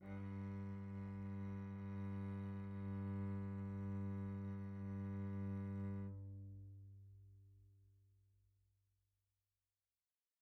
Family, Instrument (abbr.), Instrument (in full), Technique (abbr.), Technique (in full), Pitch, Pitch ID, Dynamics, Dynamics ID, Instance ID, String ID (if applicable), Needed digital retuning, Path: Strings, Vc, Cello, ord, ordinario, G2, 43, pp, 0, 2, 3, FALSE, Strings/Violoncello/ordinario/Vc-ord-G2-pp-3c-N.wav